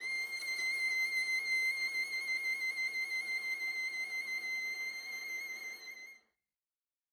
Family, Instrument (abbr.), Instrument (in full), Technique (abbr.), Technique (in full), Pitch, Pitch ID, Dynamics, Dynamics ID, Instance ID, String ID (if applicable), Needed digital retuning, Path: Strings, Va, Viola, ord, ordinario, C7, 96, ff, 4, 0, 1, TRUE, Strings/Viola/ordinario/Va-ord-C7-ff-1c-T16u.wav